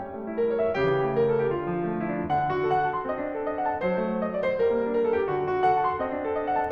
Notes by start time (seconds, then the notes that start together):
0.00 G3 A#4
0.16 A3
0.28 E4
0.37 A#4
0.50 C#5
0.63 E5
0.78 C#3 G4
0.95 E3
1.09 A3
1.24 A#4
1.34 A4
1.43 G4
1.54 D3 F4
1.68 F3
1.79 A3
1.88 F4
2.00 E4
2.16 D4
2.30 D3 F#5
2.37 D4
2.50 F#4
2.64 A4 F#5
2.79 A5
2.94 C6
3.08 C4 D#5
3.22 D4
3.33 A4
3.47 D#5
3.58 F#5
3.68 A5
3.84 F#3 C5
3.98 A3
4.17 D#4
4.27 D#5
4.41 D5
4.56 C5
4.74 G3 A#4
4.81 A#3
4.91 D4
5.00 A#4
5.11 A4
5.20 G4
5.33 D3 F#4
5.43 D4
5.54 F#4
5.61 A4 F#5
5.72 A5
5.87 C6
5.99 C4 D#5
6.12 D4
6.22 A4
6.36 D#5
6.49 F#5
6.57 A5